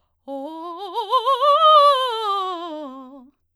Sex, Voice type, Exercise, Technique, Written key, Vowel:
female, soprano, scales, fast/articulated forte, C major, o